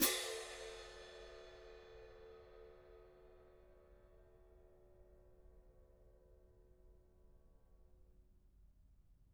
<region> pitch_keycenter=60 lokey=60 hikey=60 volume=11.769686 lovel=0 hivel=54 seq_position=1 seq_length=2 ampeg_attack=0.004000 ampeg_release=30.000000 sample=Idiophones/Struck Idiophones/Clash Cymbals 1/cymbal_crash1_pp1.wav